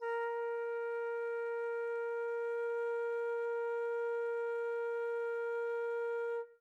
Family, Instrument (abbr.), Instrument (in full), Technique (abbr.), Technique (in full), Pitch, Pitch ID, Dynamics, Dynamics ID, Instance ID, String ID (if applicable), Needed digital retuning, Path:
Winds, Fl, Flute, ord, ordinario, A#4, 70, mf, 2, 0, , FALSE, Winds/Flute/ordinario/Fl-ord-A#4-mf-N-N.wav